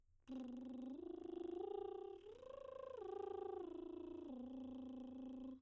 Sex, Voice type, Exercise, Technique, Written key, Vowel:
female, soprano, arpeggios, lip trill, , u